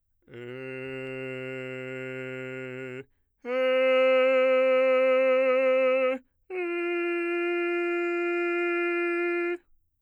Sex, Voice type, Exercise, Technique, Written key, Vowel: male, bass, long tones, straight tone, , e